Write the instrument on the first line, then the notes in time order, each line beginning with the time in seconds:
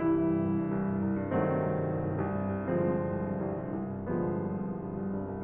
piano
0.00 G2 E3 G3 E4
0.16 C2
0.34 G2
0.52 C2
0.63 G2
0.74 C2
0.92 G2
1.00 C2
1.15 G2
1.37 C2 D#3 F#3 A3 C4
1.54 G2
1.68 C2
1.85 G2
1.96 C2
2.09 G2
2.25 C2
2.43 G2
2.59 C2
2.72 G2 D3 F3 G#3 C4
2.84 C2
2.95 G2
3.05 C2
3.22 G2
3.41 C2
3.61 G2
3.81 C2
3.92 G2
4.08 C2 D3 F3 A3 B3
4.27 G2
4.44 C2
4.55 G2
4.73 C2
4.84 G2
4.93 C2
5.10 G2
5.27 C2